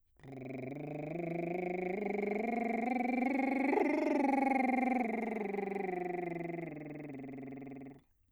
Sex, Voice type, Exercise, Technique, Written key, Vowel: male, bass, scales, lip trill, , o